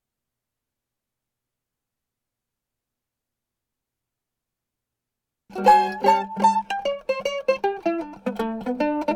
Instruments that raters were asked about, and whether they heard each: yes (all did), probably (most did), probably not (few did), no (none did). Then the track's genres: ukulele: yes
mandolin: probably
Old-Time / Historic; Bluegrass; Americana